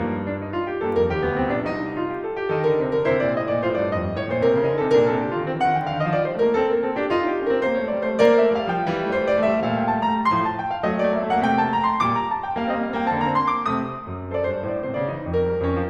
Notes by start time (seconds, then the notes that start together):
0.01 G2 A#3
0.27 D4
0.40 D#4
0.52 F4
0.71 G4
0.83 G2 A#3 A4
0.99 F2 A#4
1.10 D#2 G4
1.24 D2 B3
1.46 C2 C4
1.55 B1 D4
1.71 C2 D#4
1.92 F4
2.10 G4
2.23 A4
2.33 G4
2.51 D#3 D#4 A4
2.64 D3 A#4
2.77 C3 C5
2.98 D3 A#4
3.08 C3 E4 C5
3.23 A#2 D5
3.42 A2 D#5
3.52 A#2 D5
3.67 A2 F4 C5
3.83 G2 D5
3.98 F2 D#5
4.07 G2 D5
4.23 A2 C#5
4.38 A#2 C5
4.53 C3 A#4
4.67 C#3 A4
4.79 D3 D#4 G4
4.87 C3 A4
5.00 A#2 D4 A#4
5.10 C3 A4
5.24 D3 G4
5.36 D#3 F4
5.51 E3 C4
5.66 D#3 F#5
5.85 D3 G5
5.96 D#3 F5
6.07 F3 D#5
6.21 G3 D5
6.33 A3 C5
6.45 A#3 A#4
6.57 C4 A4
6.75 A#3 A#4
6.86 C4 A4
6.97 D4 G4
7.09 D#4 F4
7.33 D4 G4
7.45 C#4 A4
7.54 C4 A#4
7.67 A#3 C5
7.82 A3 C#5
7.91 G3 D5
8.07 A3 C5
8.21 A#3 A#4 D5
8.35 A3 E5
8.59 G3
8.64 F5
8.72 F3 G5
8.99 E3 G3
9.04 A3
9.17 G3 C5
9.33 A3
9.38 G3 D5
9.42 A3
9.48 G3 E5
9.54 A3
9.58 A#2 G3 F5
9.64 A3
9.78 G3 G5
9.86 A3
9.92 G3 A5
9.98 A3
10.11 G3 A#5
10.21 A3
10.26 A2 F3 C6
10.35 A5
10.55 G5
10.66 F5
10.79 F#3 A3 D#5
10.88 A#3
10.97 A3 D5
11.09 A#3
11.15 A3 E5
11.27 A#3
11.33 F#5
11.49 C3 A#3 G5
11.57 A3 A5
11.67 A#3
11.74 A3 A#5
11.79 A#3
11.86 A3 C6
11.94 A#3
11.99 A#2 G3 D6
12.14 A#5
12.34 A5
12.44 G5
12.57 G3 A#3 F5
12.63 C4
12.70 A#3 D#5
12.75 C4
12.85 A#3 F5
12.93 C4
13.01 A#3 G5
13.06 C4
13.10 D3 A#3 A5
13.18 C4
13.24 A#3 A#5
13.29 C4
13.38 A#3 C6
13.44 C4
13.55 A#3 D6
13.61 C4
13.69 C3 A3 D#6
14.01 F#2
14.32 A4 C5
14.38 D5
14.46 G2 C5
14.59 D5
14.67 A2 C5
14.74 A#2 C5 D5
14.82 D5
14.87 C3 D#4 C5
14.92 D5
14.97 D3 C5
15.02 D5
15.06 E3 C5
15.11 D5
15.16 F#3 C5
15.21 D5
15.26 G2 D4 A#4
15.42 G3
15.59 F2 C#4
15.78 F3